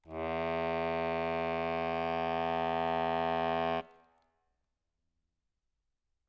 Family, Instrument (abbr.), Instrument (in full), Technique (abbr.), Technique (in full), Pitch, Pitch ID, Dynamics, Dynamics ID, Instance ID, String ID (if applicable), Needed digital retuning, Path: Keyboards, Acc, Accordion, ord, ordinario, E2, 40, ff, 4, 1, , TRUE, Keyboards/Accordion/ordinario/Acc-ord-E2-ff-alt1-T10u.wav